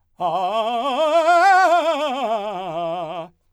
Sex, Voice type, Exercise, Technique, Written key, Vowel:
male, , scales, fast/articulated forte, F major, a